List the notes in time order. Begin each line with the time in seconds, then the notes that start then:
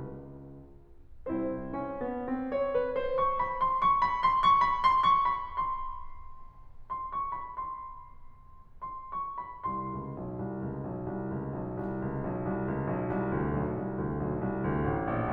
0.00 C#2
1.36 C4 E4 C5
1.67 C#4
1.99 B3
2.24 C4
2.45 C#5
2.71 B4
2.96 C5
3.19 C#6
3.37 B5
3.62 C6
3.83 C#6
4.03 B5
4.25 C6
4.45 C#6
4.62 B5
4.84 C6
5.04 C#6
5.27 B5
5.46 C6
6.88 C6
7.11 C#6
7.30 B5
7.51 C6
8.85 C6
9.10 C#6
9.37 B5
9.65 C2 C6
9.91 C#2
10.17 B1
10.41 C2
10.72 C#2
10.91 B1
11.17 C2
11.40 C#2
11.60 B1
11.81 C2
12.06 C#2
12.26 B1
12.47 C2
12.69 C#2
12.88 B1
13.12 C2
13.32 D2
13.57 B1
13.77 C2
13.94 D2
14.08 B1 D2
14.27 B1
14.43 C2
14.64 D2
14.94 A1
15.13 A#1